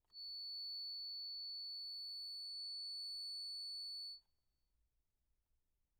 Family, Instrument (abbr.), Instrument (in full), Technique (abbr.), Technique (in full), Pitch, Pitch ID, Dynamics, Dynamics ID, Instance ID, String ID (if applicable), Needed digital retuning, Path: Keyboards, Acc, Accordion, ord, ordinario, C#8, 109, pp, 0, 0, , FALSE, Keyboards/Accordion/ordinario/Acc-ord-C#8-pp-N-N.wav